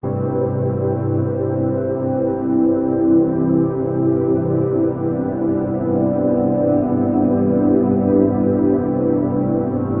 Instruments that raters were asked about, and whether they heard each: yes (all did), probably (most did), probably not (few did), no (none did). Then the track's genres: trombone: no
Drone; Ambient